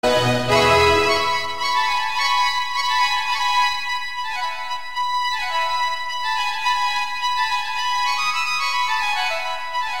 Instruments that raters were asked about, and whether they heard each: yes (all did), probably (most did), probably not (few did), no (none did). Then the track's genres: violin: probably not
accordion: no
voice: no
guitar: no
Classical